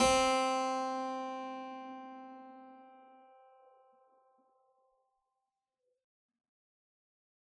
<region> pitch_keycenter=60 lokey=60 hikey=60 volume=-1.077809 trigger=attack ampeg_attack=0.004000 ampeg_release=0.400000 amp_veltrack=0 sample=Chordophones/Zithers/Harpsichord, Unk/Sustains/Harpsi4_Sus_Main_C3_rr1.wav